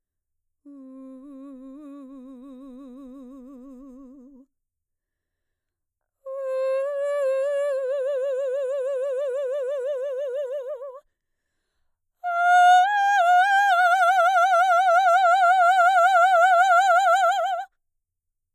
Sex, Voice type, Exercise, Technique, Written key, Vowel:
female, mezzo-soprano, long tones, trill (upper semitone), , u